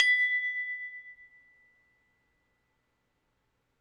<region> pitch_keycenter=83 lokey=83 hikey=83 volume=3.283632 lovel=100 hivel=127 ampeg_attack=0.004000 ampeg_release=30.000000 sample=Idiophones/Struck Idiophones/Tubular Glockenspiel/B0_loud1.wav